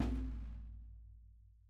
<region> pitch_keycenter=65 lokey=65 hikey=65 volume=17.138129 lovel=55 hivel=83 seq_position=1 seq_length=2 ampeg_attack=0.004000 ampeg_release=30.000000 sample=Membranophones/Struck Membranophones/Snare Drum, Rope Tension/Low/RopeSnare_low_tsn_Main_vl2_rr2.wav